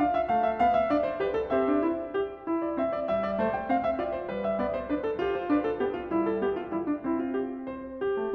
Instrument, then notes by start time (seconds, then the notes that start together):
piano
0.00 D4 F5
0.10 E5
0.29 A3 F5
0.46 E5
0.59 B3 F5
0.78 E5
0.92 D4 D5
1.02 C5
1.20 B4
1.34 A4
1.51 C4 C5 E5
1.67 D4
1.83 E4
2.15 G4
2.46 E4
2.62 D5
2.76 C4 E5
2.93 D5
3.08 G3 E5
3.26 D5
3.38 A3 C5
3.56 G5
3.63 C4 F5
3.82 E5
3.98 F4 D5
4.18 C5
4.31 G3 B4
4.46 E5
4.57 B3 D5
4.73 C5
4.90 D4 B4
5.06 A4
5.25 F4 G4
5.35 C5
5.48 D4 B4
5.63 A4
5.80 B3 G4
5.96 F4
6.13 G3 E4
6.28 A4
6.43 B3 G4
6.57 F4
6.72 G3 E4
6.86 D4
7.02 C4 E4
7.23 F4
7.36 G4
7.70 C5
8.00 G4
8.17 A3